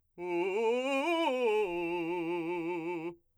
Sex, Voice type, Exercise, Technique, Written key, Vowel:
male, , arpeggios, fast/articulated forte, F major, u